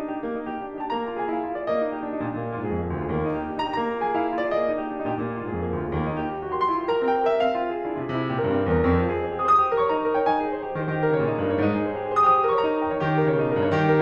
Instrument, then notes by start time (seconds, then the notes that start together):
piano
0.00 D#4
0.12 G4
0.22 A#3
0.33 D#4
0.45 G4
0.57 D4
0.73 D#4
0.82 G4 A#5
0.93 A#3 A#5
1.07 F4
1.21 G#4 G#5
1.34 E4 F5
1.44 F4
1.56 G#4 D5
1.66 A#3 D#5
1.79 D#4
1.90 G4
2.03 D4
2.15 D#4
2.26 A#2 G4
2.38 A#2 D4
2.50 F4
2.61 G#2 G#4
2.73 F2 A#3
2.84 F4
2.96 D2 G#4
3.08 D#2 A#3
3.18 D#4
3.30 G4
3.41 D4
3.51 A#3 D#4 G4
3.55 G4
3.63 D4
3.69 D#4
3.81 G4 A#5
3.92 A#3 A#5
4.03 F4
4.14 G#4 G#5
4.24 E4 F5
4.32 F4
4.41 G#4 D5
4.56 A#3 D#5
4.69 D#4
4.79 G4
4.89 D4
4.99 D#4
5.11 A#2 G4
5.21 A#2 D4
5.39 F4
5.49 G#2 G#4
5.58 F2 A#3
5.72 F4
5.82 D2 G#4
5.96 D#2 A#3
6.06 D#4
6.19 G4
6.30 D4
6.40 D#4
6.51 G4 C6
6.62 E4 C6
6.76 G4
6.88 A#4 A#5
7.05 C4 G5
7.16 G4
7.28 A#4 E5
7.43 C4 F5
7.55 F4
7.66 G#4
7.83 E4
7.91 F4
8.01 C3 G#4
8.13 C3 E4
8.23 G4
8.37 A#2 A#4
8.51 G2 C4
8.64 G4
8.75 E2 A#4
8.92 F2 C4
9.06 F4
9.13 G#4
9.23 G4
9.35 G#4
9.45 C5 D#6
9.58 G4 D#6
9.71 A#4
9.80 C#5 C#6
9.90 D#4 A#5
10.02 A#4
10.16 C#5 G5
10.29 D#4 G#5
10.40 G#4
10.50 C5
10.59 G4
10.68 G#4
10.79 D#3 C5
10.91 D#3 G4
11.01 A#4
11.11 C#3 C#5
11.22 A#2 D#4
11.39 A#4
11.53 G2 C#5
11.63 G#2 D#4
11.73 G#4
11.88 C5
12.00 G4
12.13 G#4
12.21 C5 D#6
12.33 G4 D#6
12.45 A#4
12.56 C#5 C#6
12.67 D#4 A#5
12.82 A#4
12.93 C#5 G5
13.01 D#3 G4
13.13 A#4
13.24 C#3 C#5
13.35 A#2 D#4
13.43 A#4
13.55 G2 C#5
13.75 D#3 G4
13.89 A#4